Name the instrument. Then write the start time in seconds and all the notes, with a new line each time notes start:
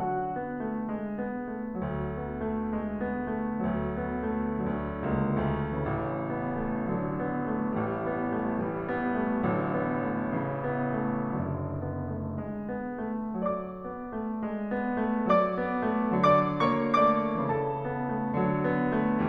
piano
0.00 D3 F#3 F#4 F#5
0.28 B3
0.63 A3
0.88 G#3
1.22 B3
1.56 A3
1.82 D2 F#3
2.17 B3
2.50 A3
2.77 G#3
3.04 B3
3.39 A3
3.72 D2 F#3
4.05 B3
4.39 A3
4.64 D2 D3 G#3
4.98 C#2 A#3
5.51 D2 A3
5.84 A1 C#3 E3
6.33 B3
6.58 A3
6.90 D3 F#3
7.22 B3
7.57 A3
7.80 A1 E3 G3
8.10 B3
8.36 A3
8.61 E3 G3
8.94 B3
9.23 A3
9.47 A1 D3 F#3
9.76 B3
10.10 A3
10.38 C#3 E3
10.72 B3
11.05 A3
11.47 F#1 D3 F#3
11.83 B3
12.13 A3
12.42 G#3
12.65 B3
13.03 A3
13.55 F#3 D5 D6
13.92 B3
14.16 A3
14.44 G#3
14.70 B3
15.06 A3
15.30 F#3 D5 D6
15.58 B3
15.88 A3
16.34 D3 G#3 D5 D6
16.63 A#3 C#5 C#6
16.96 A3 D5 D6
17.46 C#3 E3 A4 A5
17.87 B3
18.15 A3
18.44 D3 F#3
18.70 B3
18.98 A3